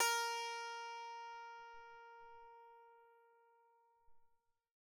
<region> pitch_keycenter=70 lokey=67 hikey=71 tune=-10 volume=13.525451 ampeg_attack=0.004000 ampeg_release=15.000000 sample=Chordophones/Zithers/Psaltery, Bowed and Plucked/Pluck/BowedPsaltery_A#3_Main_Pluck_rr1.wav